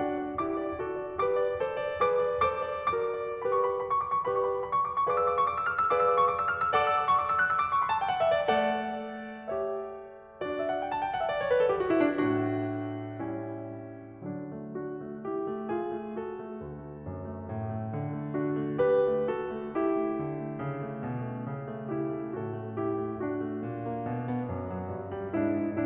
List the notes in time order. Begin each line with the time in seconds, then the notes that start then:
0.01 D4 F#4 D5 F#5
0.30 D5
0.51 E4 G4 D6
0.68 D5
0.81 F#4 A4
1.05 D5
1.21 G4 B4 D6
1.46 D5
1.63 A4 C5
1.81 D5
2.08 G#4 B4 D6
2.30 D5
2.58 A4 C5 D6
2.78 D5
2.95 F#4 A#4 D6
3.15 D5
3.44 G4 B4 B5
3.55 C#6
3.73 B5
3.81 A#5
3.91 B5
4.00 C#6
4.08 D6
4.19 C#6
4.28 G4 B4 D5 B5
4.37 C#6
4.51 B5
4.60 A#5
4.67 B5
4.78 C#6
4.89 D6
5.00 C#6
5.08 G#4 B4 D5 F5 D6
5.20 E6
5.32 D6
5.40 C#6
5.49 D6
5.58 E6
5.69 F6
5.85 E6
5.92 G#4 B4 D5 F5 D6
6.02 E6
6.15 D6
6.23 C#6
6.37 D6
6.47 E6
6.58 F6
6.66 E6
6.75 A4 D5 F#5 D6
6.87 E6
6.97 D6
7.08 C#6
7.19 D6
7.29 E6
7.38 F#6
7.51 E6
7.59 D6
7.76 C#6
7.85 B5
7.94 A5
8.02 G5
8.12 F#5
8.21 E5
8.46 A3 A4 D5 F#5
9.53 G4 C#5 E5
10.47 D4 F#4 D5
10.62 E5
10.70 F#5
10.84 G5
10.93 A5
11.08 G5
11.14 F#5
11.21 E5
11.28 D5
11.40 C#5
11.52 B4
11.65 A4
11.73 G4
11.84 F#4
11.94 E4
12.22 A2 A3 D4 F#4
13.21 G3 C#4 E4
14.24 D3 F#3 D4
14.50 A3
14.79 D4 F#4
14.98 A3
15.26 E4 G4
15.46 A3
15.81 F4 G#4
15.97 A3
16.18 F#4 A4
16.35 A3
16.57 D2
16.79 A3
17.11 F#2
17.40 A3
17.58 A2
17.83 A3
18.02 D3
18.22 A3
18.40 D4 F#4
18.59 A3
18.85 G4 B4
19.13 A3
19.31 F#4 A4
19.50 A3
19.68 E4 G4
19.92 A3
20.21 D3
20.38 A3
20.64 C#3
20.83 A3
21.02 B2
21.21 A3
21.44 C#3
21.76 A3
21.95 E4 G4
22.17 A3
22.34 A2 F#4 A4
22.56 A3
22.76 E4 G4
22.96 A3
23.24 D4 F#4
23.50 A3
23.71 A#2
23.93 A#3
24.08 B2
24.28 B3
24.48 F#2
24.72 F#3
24.93 G2
25.14 G3
25.41 G#2 D4 E4
25.66 G#3